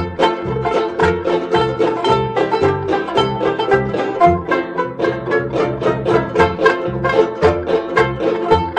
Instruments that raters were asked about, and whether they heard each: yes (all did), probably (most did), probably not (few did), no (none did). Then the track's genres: mandolin: yes
banjo: yes
synthesizer: no
Old-Time / Historic